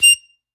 <region> pitch_keycenter=101 lokey=99 hikey=102 volume=-4.510287 seq_position=1 seq_length=2 ampeg_attack=0.004000 ampeg_release=0.300000 sample=Aerophones/Free Aerophones/Harmonica-Hohner-Special20-F/Sustains/Stac/Hohner-Special20-F_Stac_F6_rr1.wav